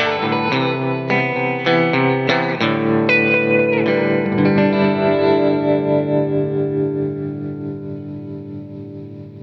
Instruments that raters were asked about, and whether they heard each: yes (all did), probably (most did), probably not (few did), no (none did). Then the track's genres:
guitar: yes
Soundtrack; Instrumental